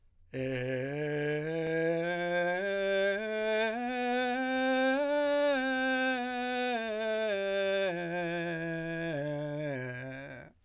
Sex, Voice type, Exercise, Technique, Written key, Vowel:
male, , scales, straight tone, , e